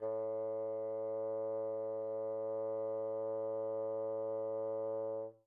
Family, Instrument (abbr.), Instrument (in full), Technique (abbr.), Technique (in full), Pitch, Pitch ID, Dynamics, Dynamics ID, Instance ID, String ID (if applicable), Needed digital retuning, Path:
Winds, Bn, Bassoon, ord, ordinario, A2, 45, pp, 0, 0, , FALSE, Winds/Bassoon/ordinario/Bn-ord-A2-pp-N-N.wav